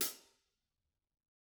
<region> pitch_keycenter=42 lokey=42 hikey=42 volume=15.576050 offset=165 lovel=84 hivel=106 seq_position=2 seq_length=2 ampeg_attack=0.004000 ampeg_release=30.000000 sample=Idiophones/Struck Idiophones/Hi-Hat Cymbal/HiHat_HitC_v3_rr2_Mid.wav